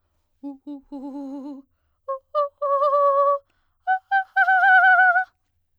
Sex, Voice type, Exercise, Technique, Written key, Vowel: female, soprano, long tones, trillo (goat tone), , u